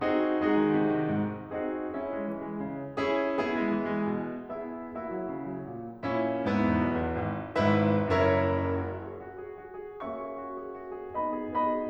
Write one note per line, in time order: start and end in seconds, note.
0.01 0.38 C4
0.01 0.38 D#4
0.01 0.38 F#4
0.01 0.38 G#4
0.38 0.56 G#3
0.38 1.57 D#4
0.38 1.57 F#4
0.38 1.57 G#4
0.57 0.74 D#3
0.74 0.91 C3
0.93 1.11 D#3
1.11 1.57 G#2
1.58 1.94 C4
1.58 1.94 D#4
1.58 1.94 F#4
1.58 1.94 G#4
1.58 1.94 D#5
1.96 2.12 C#4
1.96 3.00 E4
1.96 3.00 G#4
1.96 3.00 E5
2.12 2.29 G#3
2.30 2.43 E3
2.43 2.59 G#3
2.61 3.00 C#3
3.01 3.43 C#4
3.01 3.43 E4
3.01 3.43 G#4
3.43 3.60 B3
3.43 4.59 E4
3.43 4.59 G#4
3.62 3.78 G#3
3.78 3.99 E3
4.00 4.23 G#3
4.24 4.59 B2
4.60 4.99 B3
4.60 4.99 E4
4.60 4.99 G#4
4.60 4.99 E5
4.99 5.14 A#3
4.99 6.11 E4
4.99 6.11 F#4
4.99 6.11 E5
5.14 5.33 F#3
5.35 5.53 C#3
5.53 5.73 F#3
5.74 6.11 A#2
6.11 6.51 A#2
6.11 6.51 C#4
6.11 6.51 E4
6.51 6.68 G#2
6.51 7.55 B3
6.51 7.55 E4
6.69 6.88 E2
6.88 7.02 B1
7.03 7.16 E2
7.17 7.55 G#1
7.56 8.16 G#1
7.56 8.16 G#2
7.56 8.16 E4
7.56 8.16 B4
7.56 8.16 E5
8.17 8.69 F#1
8.17 8.69 F#2
8.17 8.69 E4
8.17 8.69 A#4
8.17 8.69 C#5
8.17 8.69 E5
8.70 8.97 F#4
8.98 9.17 G#4
9.18 9.40 F#4
9.40 9.57 G#4
9.57 9.76 F#4
9.77 9.94 G#4
9.96 11.13 A#3
9.96 11.13 C#4
9.96 10.12 F#4
9.96 11.13 E5
9.96 11.13 C#6
10.13 10.28 G#4
10.29 10.51 F#4
10.52 10.72 G#4
10.72 10.92 F#4
10.92 11.13 G#4
11.14 11.49 B3
11.14 11.49 D#4
11.14 11.31 F#4
11.14 11.49 D#5
11.14 11.49 B5
11.31 11.49 G#4
11.50 11.91 B3
11.50 11.91 D#4
11.50 11.69 F#4
11.50 11.91 D#5
11.50 11.91 B5
11.70 11.91 G#4